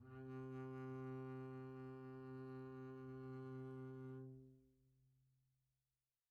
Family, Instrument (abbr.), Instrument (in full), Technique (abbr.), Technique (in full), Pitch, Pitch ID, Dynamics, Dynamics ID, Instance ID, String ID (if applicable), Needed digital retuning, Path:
Strings, Cb, Contrabass, ord, ordinario, C3, 48, pp, 0, 0, 1, FALSE, Strings/Contrabass/ordinario/Cb-ord-C3-pp-1c-N.wav